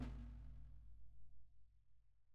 <region> pitch_keycenter=64 lokey=64 hikey=64 volume=26.757192 lovel=0 hivel=65 seq_position=1 seq_length=2 ampeg_attack=0.004000 ampeg_release=30.000000 sample=Membranophones/Struck Membranophones/Snare Drum, Rope Tension/Low/RopeSnare_low_sn_Main_vl1_rr2.wav